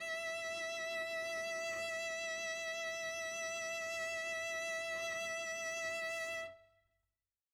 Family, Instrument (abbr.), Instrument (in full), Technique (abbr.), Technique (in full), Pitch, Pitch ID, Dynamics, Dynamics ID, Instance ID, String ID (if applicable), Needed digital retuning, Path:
Strings, Vc, Cello, ord, ordinario, E5, 76, mf, 2, 0, 1, FALSE, Strings/Violoncello/ordinario/Vc-ord-E5-mf-1c-N.wav